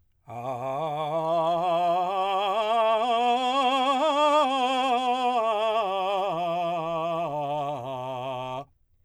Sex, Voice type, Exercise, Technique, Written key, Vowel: male, , scales, slow/legato forte, C major, a